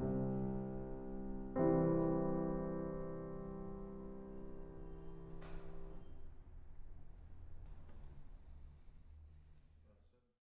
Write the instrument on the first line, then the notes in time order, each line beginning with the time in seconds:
piano
0.02 C2 C3
1.54 C2 C3 E3 G3 C4